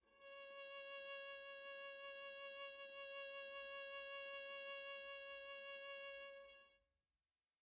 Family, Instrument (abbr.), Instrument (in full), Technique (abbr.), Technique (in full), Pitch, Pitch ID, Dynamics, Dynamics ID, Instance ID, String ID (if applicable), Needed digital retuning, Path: Strings, Va, Viola, ord, ordinario, C#5, 73, pp, 0, 0, 1, FALSE, Strings/Viola/ordinario/Va-ord-C#5-pp-1c-N.wav